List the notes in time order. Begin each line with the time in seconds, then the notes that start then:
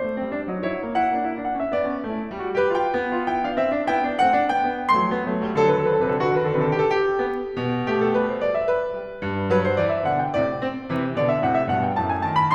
0.00 A3 C5
0.14 B3
0.23 G3 C4
0.38 D4
0.51 F#3 D#4 C#5
0.67 E4
0.89 A#3 F#5
1.03 E4
1.18 A#3 D4
1.32 E4
1.44 D4 F#5
1.57 C#4 E5
1.72 B3 D5
1.87 C#4
2.04 A3 D4
2.14 E4
2.29 G3 F4
2.40 F#4
2.55 G4 B4
2.74 F4 G5
2.97 B3 E4
3.10 F4
3.34 E4 G5
3.46 D4 F5
3.59 C4 E5
3.70 D4
3.87 B3 E4 G5
4.12 D4
4.20 A3 C4 F#5
4.40 D4
4.50 G3 C4 G5
4.77 B3
4.92 F#3 A3 C6
5.06 B3
5.25 E3 A3
5.46 G3
5.57 D#3 F#3 A4
5.63 B4
5.69 D3 A4
5.75 B4
5.82 C3 A4
5.96 B4
6.05 D3 A4
6.10 B4
6.16 D#3 F#4 A4
6.33 B4
6.39 D3 A4
6.62 B4
6.69 D#3 A4
6.84 B4
6.88 C3 G4
6.98 A4
7.05 G4
7.29 B3
7.57 B2
7.91 A3 G4
8.02 A4
8.23 G3 B4
8.34 C5
8.44 D5
8.54 E5
8.67 B4
9.02 G3
9.22 G2
9.52 F#3 B4
9.68 C5
9.80 E3 D5
9.93 E5
10.07 B2 D3 F#5
10.21 G5
10.36 A2 C3 D5
10.60 C4
10.91 C3 E3
11.19 B2 D3 D5
11.32 E5
11.48 A2 C3 F#5
11.59 E5
11.71 G2 B2 F#5
11.85 G5
11.96 F#2 A2 A5
12.10 G#5
12.26 D#3 A5
12.38 B5